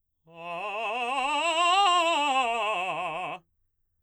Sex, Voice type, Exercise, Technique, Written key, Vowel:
male, baritone, scales, fast/articulated forte, F major, a